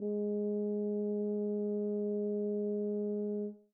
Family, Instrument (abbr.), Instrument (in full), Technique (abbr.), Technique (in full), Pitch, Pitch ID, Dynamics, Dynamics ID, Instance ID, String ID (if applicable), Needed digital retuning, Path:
Brass, BTb, Bass Tuba, ord, ordinario, G#3, 56, mf, 2, 0, , TRUE, Brass/Bass_Tuba/ordinario/BTb-ord-G#3-mf-N-T11u.wav